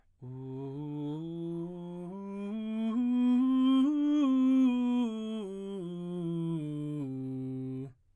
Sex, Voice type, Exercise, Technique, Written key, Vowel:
male, baritone, scales, straight tone, , u